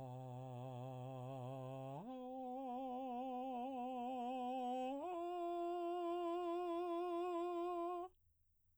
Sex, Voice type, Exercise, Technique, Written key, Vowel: male, baritone, long tones, full voice pianissimo, , a